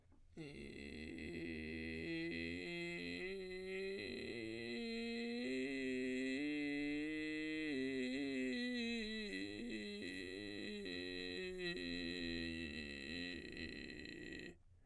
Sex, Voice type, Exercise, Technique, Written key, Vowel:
male, baritone, scales, vocal fry, , i